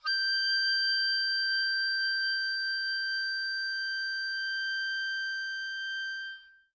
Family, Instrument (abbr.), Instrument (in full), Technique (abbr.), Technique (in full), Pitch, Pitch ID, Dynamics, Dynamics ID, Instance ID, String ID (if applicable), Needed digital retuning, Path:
Winds, Ob, Oboe, ord, ordinario, G6, 91, mf, 2, 0, , TRUE, Winds/Oboe/ordinario/Ob-ord-G6-mf-N-T15u.wav